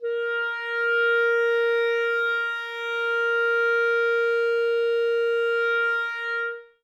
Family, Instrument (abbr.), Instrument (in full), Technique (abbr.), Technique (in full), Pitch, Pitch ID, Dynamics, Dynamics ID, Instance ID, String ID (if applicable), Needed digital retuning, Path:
Winds, ClBb, Clarinet in Bb, ord, ordinario, A#4, 70, ff, 4, 0, , FALSE, Winds/Clarinet_Bb/ordinario/ClBb-ord-A#4-ff-N-N.wav